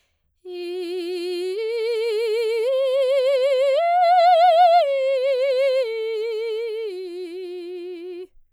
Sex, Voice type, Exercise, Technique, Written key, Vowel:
female, soprano, arpeggios, slow/legato piano, F major, i